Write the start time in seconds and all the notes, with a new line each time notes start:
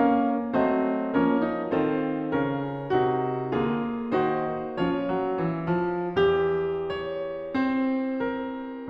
0.00 A#3 C#4 A#4 F5
0.49 F#3 A3 C4 C5 D#5
1.14 F3 A#3 C#4 A#4 C#5
1.45 D#4
1.73 D#3 C4 F4 A4 C5
2.37 C#3 C#4 A#4
2.91 C3 D#4 F#4
3.46 D3 A#3 F4 G#4
4.08 D#3 D#4 F#4 C5
4.70 F3 C#4 F4 C#5
5.04 F#3
5.48 E3
5.78 F3
6.04 E2 F#4
6.83 C#5
7.55 C4 C5
8.22 A#4